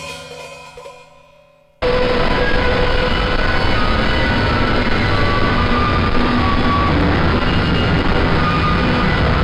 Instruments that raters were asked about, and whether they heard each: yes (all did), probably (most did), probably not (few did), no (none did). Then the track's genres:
cymbals: probably
Noise